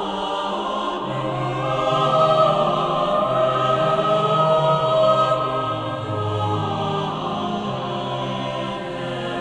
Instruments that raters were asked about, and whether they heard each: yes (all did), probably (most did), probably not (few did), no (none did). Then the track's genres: voice: yes
mandolin: no
Choral Music